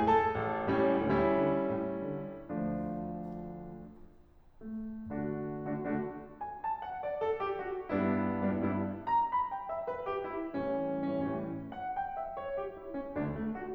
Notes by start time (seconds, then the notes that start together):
0.00 A3 A4 A5
0.36 A1
0.68 A2 G3 C#4
1.00 D2 G3 C#4 E4
1.38 D3
1.78 A2
2.15 D3
2.59 D2 F3 A3 D4
4.17 A3
5.11 D3 A3 D4 F#4
5.67 D3 A3 D4 F#4
5.86 D3 A3 D4 F#4
6.42 G#5
6.52 A5
6.79 F#5
7.02 D5
7.26 A4
7.45 G4
7.67 F#4
7.93 G2 G3 B3 D4 E4
8.46 G2 G3 B3 D4 E4
8.57 G2 G3 B3 D4 E4
9.02 A#5
9.17 B5
9.50 G5
9.67 E5
9.88 B4
10.08 G4
10.26 E4
10.52 A2 E3 G3 C#4
10.97 A2 E3 G3 C#4
11.12 A2 E3 G3 C#4
11.71 F#5
11.85 G5
12.11 E5
12.36 C#5
12.55 G4
12.72 E4
12.93 C#4
13.14 D2 D3 D4
13.36 A3
13.56 F#4